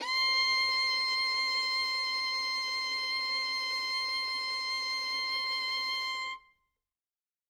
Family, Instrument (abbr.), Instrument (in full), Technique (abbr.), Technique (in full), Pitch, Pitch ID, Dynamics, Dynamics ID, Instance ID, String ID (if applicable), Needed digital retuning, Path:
Strings, Vn, Violin, ord, ordinario, C6, 84, ff, 4, 2, 3, TRUE, Strings/Violin/ordinario/Vn-ord-C6-ff-3c-T18d.wav